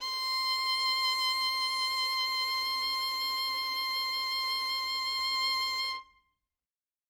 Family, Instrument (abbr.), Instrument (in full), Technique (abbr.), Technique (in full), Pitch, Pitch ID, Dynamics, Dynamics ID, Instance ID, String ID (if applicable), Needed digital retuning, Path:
Strings, Vn, Violin, ord, ordinario, C6, 84, ff, 4, 1, 2, TRUE, Strings/Violin/ordinario/Vn-ord-C6-ff-2c-T11d.wav